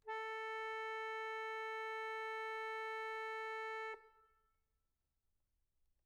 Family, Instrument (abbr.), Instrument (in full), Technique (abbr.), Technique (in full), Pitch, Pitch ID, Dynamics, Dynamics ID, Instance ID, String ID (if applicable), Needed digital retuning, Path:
Keyboards, Acc, Accordion, ord, ordinario, A4, 69, mf, 2, 2, , FALSE, Keyboards/Accordion/ordinario/Acc-ord-A4-mf-alt2-N.wav